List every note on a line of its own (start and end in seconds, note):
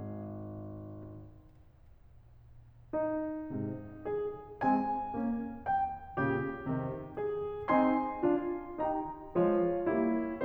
0.01 2.93 G#1
2.94 4.07 D#4
3.52 4.07 G#2
3.52 4.07 C3
4.09 4.61 G#4
4.63 5.16 G#3
4.63 5.16 C4
4.63 5.61 G#5
5.17 5.61 A#3
5.17 5.61 C#4
5.63 6.17 G5
6.17 6.68 A#2
6.17 6.68 C#3
6.17 7.13 G4
6.69 7.13 C3
6.69 7.13 D#3
7.13 7.68 G#4
7.69 8.23 C4
7.69 8.23 D#4
7.69 8.88 G#5
7.69 8.88 C6
8.23 8.88 D4
8.23 8.88 F4
8.89 9.35 D#4
8.89 9.35 G4
8.89 9.35 G5
8.89 9.35 A#5
9.36 9.87 F3
9.36 9.87 G#3
9.36 9.87 F4
9.36 10.44 C#5
9.90 10.44 G3
9.90 10.44 A#3
9.90 10.44 E4